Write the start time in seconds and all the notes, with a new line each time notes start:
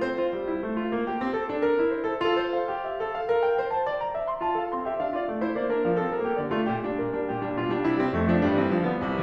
0.00 C4 C5
0.14 F4
0.36 G3
0.46 E4
0.64 A3
0.74 F4
0.93 A#3
1.11 G4
1.21 C4
1.35 A4
1.59 D4
1.70 A#4
1.80 E4
1.92 C5
2.04 A4
2.19 F4 A4
2.51 C5
2.61 F5
2.74 G4
2.84 E5
2.98 A4
3.10 F5
3.30 A#4
3.47 G5
3.61 C5
3.75 A5
3.87 D5
4.04 A#5
4.14 E5
4.26 C6
4.44 F4 A5
4.56 A4 F5
4.70 C4 C6
4.88 G4 E5
5.04 D4 F5
5.19 F4 D5
5.31 A3 A5
5.41 E4 C5
5.51 A#3 D5
5.72 D4 A#4
5.86 F3 F5
5.98 C4 A4
6.19 G3 A#4
6.30 A#3 G4
6.42 D3 D5
6.56 A3 F4
6.71 A#2 G4
6.83 G3 D4
6.97 A#2 A#4
7.06 G3 D4
7.24 A#2 G4
7.38 G3 D4
7.56 B2 F4
7.70 G3 D4
7.91 C3 E4
8.00 G3 C4
8.15 F2 A3
8.29 F3 D4
8.44 G2 G3
8.67 E3 C4
8.81 G2 F3
8.96 D3 B3
9.04 C2 C3